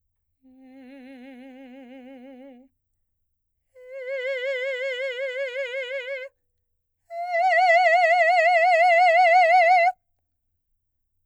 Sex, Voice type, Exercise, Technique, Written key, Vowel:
female, soprano, long tones, full voice pianissimo, , e